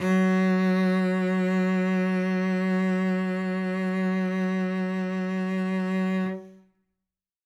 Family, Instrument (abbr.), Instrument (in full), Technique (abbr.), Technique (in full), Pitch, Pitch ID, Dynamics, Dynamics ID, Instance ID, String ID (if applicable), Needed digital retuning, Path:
Strings, Vc, Cello, ord, ordinario, F#3, 54, ff, 4, 1, 2, FALSE, Strings/Violoncello/ordinario/Vc-ord-F#3-ff-2c-N.wav